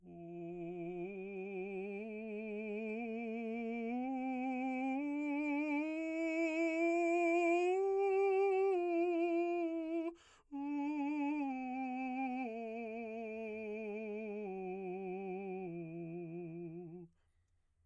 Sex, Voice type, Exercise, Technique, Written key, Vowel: male, baritone, scales, slow/legato piano, F major, u